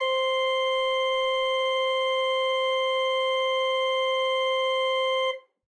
<region> pitch_keycenter=72 lokey=72 hikey=73 tune=2 volume=7.091627 ampeg_attack=0.004000 ampeg_release=0.300000 amp_veltrack=0 sample=Aerophones/Edge-blown Aerophones/Renaissance Organ/Full/RenOrgan_Full_Room_C4_rr1.wav